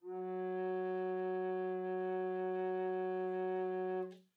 <region> pitch_keycenter=54 lokey=53 hikey=55 volume=10.067593 offset=1001 ampeg_attack=0.004000 ampeg_release=0.300000 sample=Aerophones/Edge-blown Aerophones/Baroque Bass Recorder/Sustain/BassRecorder_Sus_F#2_rr1_Main.wav